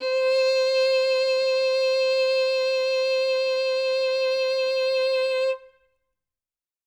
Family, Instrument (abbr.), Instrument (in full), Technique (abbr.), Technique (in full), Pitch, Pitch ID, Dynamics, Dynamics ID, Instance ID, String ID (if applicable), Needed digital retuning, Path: Strings, Vn, Violin, ord, ordinario, C5, 72, ff, 4, 2, 3, FALSE, Strings/Violin/ordinario/Vn-ord-C5-ff-3c-N.wav